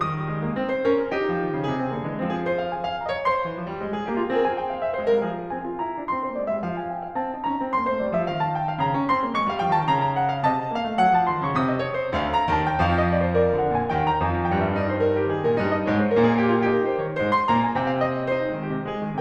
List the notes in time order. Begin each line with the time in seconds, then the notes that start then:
0.00 D#3 D#6
0.17 G3
0.29 G#3
0.48 A#3
0.58 C4
0.74 C5
0.89 C#4 A#4
1.02 G#4
1.16 D#4 G4
1.28 F3
1.42 D#3
1.56 C#3
1.66 C3 G#4
1.81 C4
1.96 D3 A#3
2.08 E3 G#3
2.21 F3 C4
2.32 G#4
2.46 C5
2.59 F5
2.69 G#5
2.88 F5
2.98 D#5 A#5
3.12 C#5
3.25 C5 C6
3.40 E3
3.55 F3
3.74 G3
3.82 G#3
3.97 G#4
4.10 A#3 G4
4.21 F4
4.35 C4 G#4
4.41 G#5
4.54 G5
4.68 F5
4.78 E5
4.93 G#3 C5
5.10 G3 A#4 F5
5.24 F3 G#4
5.42 C4 G#5
5.60 F4
5.75 E4 A#5
5.97 D4
6.11 C4 C6
6.29 A#3 C5
6.43 G#3 D5
6.55 G3 E5
6.65 F3
6.82 G#5
6.92 G5
7.04 F5
7.15 C4 A5
7.29 D#4
7.44 C#4 A#5
7.63 C4
7.72 A#3 C6
7.86 A3 C5
8.00 G3 D5
8.12 F3 E5
8.22 D#3
8.41 A5
8.58 G5
8.71 F5
8.79 C#3 A#5
8.93 C#4
9.03 C4 C6
9.14 A#3
9.32 A3 C#6
9.45 G3 F5
9.58 F3 G5
9.72 D#3 A5
9.88 C#3
9.98 A#5
10.22 F#5
10.32 F5
10.44 C3 D#5 A5
10.59 C4
10.72 A#3 F5
10.84 A3
10.98 F#3 F#5
11.19 F3 A5
11.32 D#3 C6
11.42 C#3 C#6
11.53 C3 D#6
11.62 D#5
11.81 C#5
11.90 C5
12.09 D2 D3 F5
12.31 A#5
12.47 D#2 D#3 A5
12.64 G5
12.76 F2 F3 F5
12.91 D#5
13.03 D5
13.14 C5
13.32 A#4 D5
13.46 C#3 F5
13.60 C3 F#5
13.72 A#2 G#5
13.84 D#2 D#3 G5
14.05 A#5
14.20 F2 F3 G#5
14.43 G5
14.56 G2 G3 F5
14.66 D#5
14.77 D#4 D5
14.86 C5
15.17 D#3 G4
15.28 B2 G#4
15.41 A#2 A#4
15.56 G2 G3 D#4
15.77 D#5
15.89 G#2 G#3 C#5
16.04 C5
16.16 A#2 A#3 A#4
16.28 G#4
16.37 G4
16.49 F4
16.61 D#4 G4
16.74 G3 A#4
16.86 F3 C5
16.97 D#3 C#5
17.09 G#2 G#3 C5
17.24 C6
17.47 A#2 A#3 A#5
17.62 G#5
17.79 C3 C4 G5
17.88 F5
18.03 D#5
18.20 C#5
18.32 D#4 C5
18.48 G#3
18.62 D#3 G4
18.73 C3
18.98 G#3 G#4
19.11 D#3